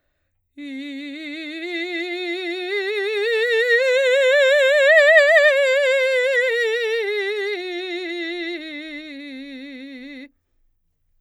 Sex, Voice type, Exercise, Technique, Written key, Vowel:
female, soprano, scales, slow/legato forte, C major, i